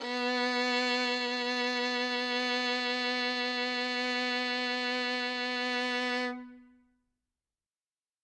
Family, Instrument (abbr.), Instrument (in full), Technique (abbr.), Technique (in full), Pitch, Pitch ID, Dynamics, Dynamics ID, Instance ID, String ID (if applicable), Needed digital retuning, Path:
Strings, Vn, Violin, ord, ordinario, B3, 59, ff, 4, 3, 4, TRUE, Strings/Violin/ordinario/Vn-ord-B3-ff-4c-T17u.wav